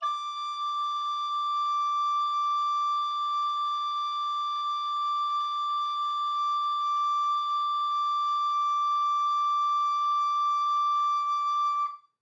<region> pitch_keycenter=86 lokey=86 hikey=87 volume=17.422890 offset=357 ampeg_attack=0.004000 ampeg_release=0.300000 sample=Aerophones/Edge-blown Aerophones/Baroque Alto Recorder/Sustain/AltRecorder_Sus_D5_rr1_Main.wav